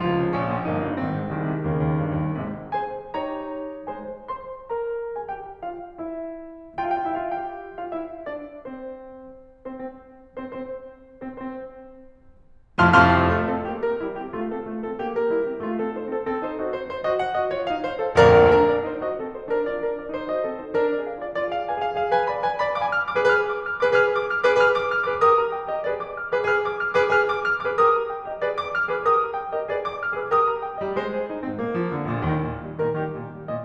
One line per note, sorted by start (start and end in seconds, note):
0.00 0.14 C#2
0.00 0.65 F3
0.00 0.30 F4
0.15 0.30 C#3
0.31 0.46 A#1
0.31 0.65 C#4
0.46 0.65 A#2
0.66 0.84 G1
0.66 1.01 A#3
0.66 1.01 D#4
0.84 1.01 G2
1.01 1.18 G#1
1.01 1.36 D#3
1.01 1.36 C4
1.20 1.36 G#2
1.36 1.51 C2
1.36 1.66 D#3
1.36 1.66 G#3
1.52 1.66 C3
1.67 1.82 D#2
1.67 2.33 C#3
1.67 2.73 D#3
1.67 2.33 A#3
1.82 1.97 D#2
1.99 2.15 G2
2.16 2.33 D#2
2.33 2.73 G#1
2.33 2.73 G#2
2.33 2.73 C3
2.33 2.73 G#3
2.74 3.12 G#3
2.74 3.12 G#4
2.74 3.12 C5
2.74 3.12 G#5
3.13 3.87 D#4
3.13 3.87 G4
3.13 3.87 C#5
3.13 3.87 A#5
3.87 4.24 G#3
3.87 4.24 G#4
3.87 4.24 C5
3.87 4.24 G#5
4.25 4.64 C5
4.25 4.64 C6
4.66 5.14 A#4
4.66 5.14 A#5
5.15 5.28 G#4
5.15 5.28 G#5
5.28 5.56 G4
5.28 5.56 G5
5.65 5.90 F4
5.65 5.90 F5
5.99 6.63 E4
5.99 6.63 E5
6.93 7.09 F4
6.93 7.09 F5
7.01 7.19 G4
7.01 7.19 G5
7.11 7.27 E4
7.11 7.27 E5
7.19 7.27 F4
7.19 7.27 F5
7.28 7.85 G4
7.28 7.85 G5
7.85 7.95 F4
7.85 7.95 F5
7.95 8.29 E4
7.95 8.29 E5
8.30 8.52 D4
8.30 8.52 D5
8.65 9.39 C4
8.65 9.39 C5
9.96 10.07 C4
9.96 10.07 C5
10.08 10.44 C4
10.08 10.44 C5
10.61 10.68 C4
10.61 10.68 C5
10.69 11.01 C4
10.69 11.01 C5
11.28 11.40 C4
11.28 11.40 C5
11.40 12.20 C4
11.40 12.20 C5
12.79 12.88 F2
12.79 12.88 A2
12.79 12.88 C3
12.79 12.88 F3
12.79 12.88 F5
12.79 12.88 A5
12.79 12.88 C6
12.79 12.88 F6
12.88 13.33 F2
12.88 13.33 A2
12.88 13.33 C3
12.88 13.33 F3
12.88 13.33 F5
12.88 13.33 A5
12.88 13.33 C6
12.88 13.33 F6
13.34 13.53 A3
13.34 13.53 F4
13.53 13.71 C4
13.53 13.71 A4
13.73 13.90 A#3
13.73 13.90 G4
13.91 14.06 C#4
13.91 14.06 A#4
14.06 14.21 G3
14.06 14.21 E4
14.22 14.37 A#3
14.22 14.37 G4
14.38 14.55 A3
14.38 14.55 F4
14.55 14.69 C4
14.55 14.69 A4
14.70 14.87 A3
14.70 14.87 F4
14.87 15.03 C4
14.87 15.03 A4
15.03 15.16 A#3
15.03 15.16 G4
15.17 15.33 C#4
15.17 15.33 A#4
15.33 15.48 G3
15.33 15.48 E4
15.49 15.57 A#3
15.49 15.57 G4
15.58 15.74 A3
15.58 15.74 F4
15.74 15.93 C4
15.74 15.93 A4
15.94 16.09 D#4
15.94 16.09 C5
16.10 16.27 C4
16.10 16.27 A4
16.27 16.43 C4
16.27 16.43 A4
16.44 16.58 D#4
16.44 16.58 C5
16.59 16.76 F#4
16.59 16.76 D#5
16.76 16.93 D#4
16.76 16.93 C5
16.94 17.09 D#4
16.94 17.09 C5
17.10 17.23 F#4
17.10 17.23 D#5
17.23 17.37 A4
17.23 17.37 F#5
17.37 17.50 F#4
17.37 17.50 D#5
17.50 17.62 F4
17.50 17.62 C#5
17.64 17.79 A4
17.64 17.79 F5
17.80 18.00 D#4
17.80 18.00 C5
18.00 18.16 A4
18.00 18.16 F5
18.17 18.53 A#2
18.17 18.53 D3
18.17 18.53 F3
18.17 18.53 A#3
18.17 18.53 A#4
18.17 18.53 D5
18.17 18.53 F5
18.17 18.53 A#5
18.53 18.72 D4
18.53 18.72 A#4
18.73 18.87 F4
18.73 18.87 D5
18.88 19.01 D#4
18.88 19.01 C5
19.01 19.16 F#4
19.01 19.16 D#5
19.16 19.28 C4
19.16 19.28 A4
19.30 19.44 D#4
19.30 19.44 C5
19.44 19.61 D4
19.44 19.61 A#4
19.62 19.77 F4
19.62 19.77 D5
19.77 19.96 D4
19.77 19.96 A#4
19.96 20.13 F4
19.96 20.13 D5
20.14 20.29 D#4
20.14 20.29 C5
20.29 20.46 F#4
20.29 20.46 D#5
20.47 20.61 C4
20.47 20.61 A4
20.62 20.77 D#4
20.62 20.77 C5
20.77 20.91 D4
20.77 20.91 A#4
20.91 21.03 F4
20.91 21.03 D5
21.04 21.20 G#4
21.04 21.20 F5
21.20 21.34 F4
21.20 21.34 D5
21.35 21.48 F4
21.35 21.48 D5
21.49 21.68 G#4
21.49 21.68 F5
21.68 21.82 B4
21.68 21.82 G#5
21.83 21.98 G#4
21.83 21.98 F5
21.98 22.12 G#4
21.98 22.12 F5
22.12 22.27 B4
22.12 22.27 G#5
22.28 22.41 D5
22.28 22.41 B5
22.41 22.59 B4
22.41 22.59 G#5
22.60 22.76 D5
22.60 22.76 B5
22.77 22.92 F5
22.77 22.92 D6
22.92 23.07 G#5
22.92 23.07 F6
23.08 23.24 D6
23.17 23.24 G#4
23.17 23.24 B4
23.25 23.64 G#4
23.25 23.64 B4
23.25 23.46 F6
23.46 23.64 D6
23.64 23.75 F6
23.75 23.90 D6
23.82 23.90 G#4
23.82 23.90 B4
23.90 24.22 G#4
23.90 24.22 B4
23.90 24.08 F6
24.09 24.22 D6
24.25 24.42 F6
24.42 24.58 D6
24.51 24.58 G#4
24.51 24.58 B4
24.59 24.89 G#4
24.59 24.89 B4
24.59 24.75 F6
24.75 24.89 D6
24.90 25.04 F6
25.05 25.23 D6
25.14 25.23 G#4
25.14 25.23 B4
25.23 25.53 G4
25.23 25.53 A#4
25.23 25.41 D#6
25.43 25.53 A#5
25.54 25.70 G5
25.70 25.86 D#5
25.79 25.86 G4
25.79 25.86 A#4
25.87 26.13 G#4
25.87 26.13 B4
25.87 25.98 D5
25.99 26.13 D6
26.13 26.27 F6
26.27 26.44 D6
26.35 26.44 G#4
26.35 26.44 B4
26.45 26.76 G#4
26.45 26.76 B4
26.45 26.62 F6
26.62 26.76 D6
26.77 26.92 F6
26.92 27.06 D6
27.00 27.06 G#4
27.00 27.06 B4
27.06 27.43 G#4
27.06 27.43 B4
27.06 27.25 F6
27.26 27.43 D6
27.43 27.60 F6
27.60 27.74 D6
27.67 27.74 G#4
27.67 27.74 B4
27.77 28.11 G4
27.77 28.11 A#4
27.77 27.97 D#6
27.97 28.11 A#5
28.12 28.25 G5
28.26 28.40 D#5
28.34 28.40 G4
28.34 28.40 A#4
28.40 28.63 G#4
28.40 28.63 B4
28.40 28.50 D5
28.51 28.63 D6
28.63 28.79 F6
28.79 28.97 D6
28.90 28.97 G#4
28.90 28.97 B4
29.00 29.36 G4
29.00 29.36 A#4
29.00 29.21 D#6
29.21 29.36 A#5
29.36 29.49 G5
29.51 29.68 D#5
29.59 29.68 G4
29.59 29.68 A#4
29.68 29.98 G#4
29.68 29.98 B4
29.68 29.84 D5
29.84 29.98 D6
29.99 30.09 F6
30.09 30.27 D6
30.17 30.27 G#4
30.17 30.27 B4
30.28 30.60 G4
30.28 30.60 A#4
30.28 30.42 D#6
30.43 30.60 A#5
30.60 30.77 G5
30.77 30.94 D#5
30.84 30.94 G3
30.95 31.30 G#3
30.95 31.14 C5
31.14 31.30 G#4
31.31 31.46 D#4
31.47 31.60 C4
31.54 31.60 G#2
31.60 31.97 A#2
31.60 31.81 A#3
31.82 31.97 F3
31.97 32.11 D3
32.12 32.24 A#2
32.18 32.24 A#1
32.25 32.40 D#2
32.25 32.58 D#3
32.40 32.58 A#2
32.40 32.58 D#3
32.59 32.77 D#3
32.59 32.77 G3
32.79 33.00 A#2
32.79 33.00 D#3
32.79 33.00 A#4
33.00 33.17 D#3
33.00 33.17 G3
33.00 33.32 G4
33.18 33.32 A#2
33.18 33.32 D#3
33.33 33.46 D#3
33.33 33.46 G3
33.46 33.63 A#2
33.46 33.63 D#3
33.46 33.63 D#5